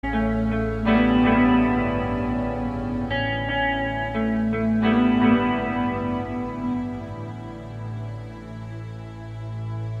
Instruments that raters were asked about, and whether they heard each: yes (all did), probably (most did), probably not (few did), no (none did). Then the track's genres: organ: probably not
cello: probably not
Pop; Folk; Indie-Rock